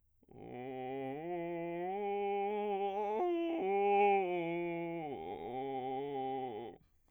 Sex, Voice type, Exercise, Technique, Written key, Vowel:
male, bass, arpeggios, vocal fry, , o